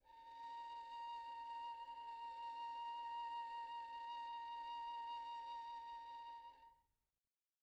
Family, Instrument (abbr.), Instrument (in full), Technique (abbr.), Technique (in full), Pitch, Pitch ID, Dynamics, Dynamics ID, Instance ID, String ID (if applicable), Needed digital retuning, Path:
Strings, Vn, Violin, ord, ordinario, A#5, 82, pp, 0, 2, 3, TRUE, Strings/Violin/ordinario/Vn-ord-A#5-pp-3c-T10u.wav